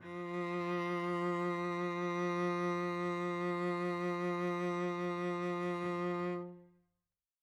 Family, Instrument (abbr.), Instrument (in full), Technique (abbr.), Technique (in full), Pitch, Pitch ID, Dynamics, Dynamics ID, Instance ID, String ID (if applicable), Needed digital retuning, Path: Strings, Vc, Cello, ord, ordinario, F3, 53, mf, 2, 1, 2, FALSE, Strings/Violoncello/ordinario/Vc-ord-F3-mf-2c-N.wav